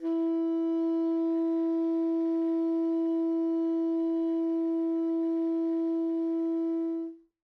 <region> pitch_keycenter=64 lokey=64 hikey=65 volume=20.465358 lovel=0 hivel=83 ampeg_attack=0.004000 ampeg_release=0.500000 sample=Aerophones/Reed Aerophones/Tenor Saxophone/Non-Vibrato/Tenor_NV_Main_E3_vl2_rr1.wav